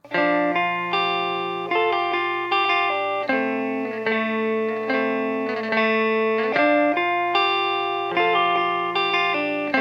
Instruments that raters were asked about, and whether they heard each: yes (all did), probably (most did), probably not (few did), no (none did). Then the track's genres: trombone: no
guitar: yes
Indie-Rock; Ambient